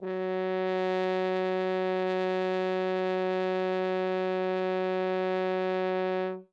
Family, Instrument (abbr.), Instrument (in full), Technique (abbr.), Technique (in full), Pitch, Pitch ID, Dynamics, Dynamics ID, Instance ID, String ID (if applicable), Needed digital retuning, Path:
Brass, Hn, French Horn, ord, ordinario, F#3, 54, ff, 4, 0, , FALSE, Brass/Horn/ordinario/Hn-ord-F#3-ff-N-N.wav